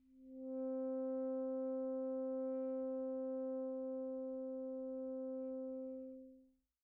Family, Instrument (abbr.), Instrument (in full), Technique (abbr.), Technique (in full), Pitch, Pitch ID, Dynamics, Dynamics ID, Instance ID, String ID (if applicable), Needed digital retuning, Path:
Winds, ASax, Alto Saxophone, ord, ordinario, C4, 60, pp, 0, 0, , FALSE, Winds/Sax_Alto/ordinario/ASax-ord-C4-pp-N-N.wav